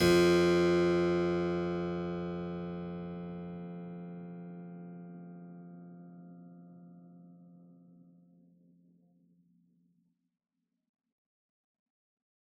<region> pitch_keycenter=41 lokey=41 hikey=41 volume=-1.052276 trigger=attack ampeg_attack=0.004000 ampeg_release=0.400000 amp_veltrack=0 sample=Chordophones/Zithers/Harpsichord, Unk/Sustains/Harpsi4_Sus_Main_F1_rr1.wav